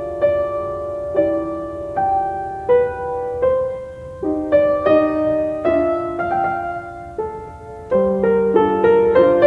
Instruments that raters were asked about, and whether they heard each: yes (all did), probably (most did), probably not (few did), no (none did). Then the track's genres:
cymbals: no
guitar: probably not
piano: yes
Classical